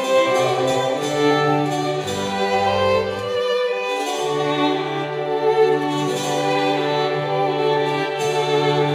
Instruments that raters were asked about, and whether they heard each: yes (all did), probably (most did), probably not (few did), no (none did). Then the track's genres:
violin: yes
Classical; Chamber Music